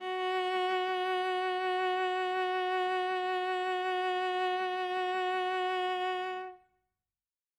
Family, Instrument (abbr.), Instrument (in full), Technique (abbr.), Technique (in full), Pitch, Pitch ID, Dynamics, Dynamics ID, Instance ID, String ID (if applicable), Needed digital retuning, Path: Strings, Va, Viola, ord, ordinario, F#4, 66, ff, 4, 1, 2, FALSE, Strings/Viola/ordinario/Va-ord-F#4-ff-2c-N.wav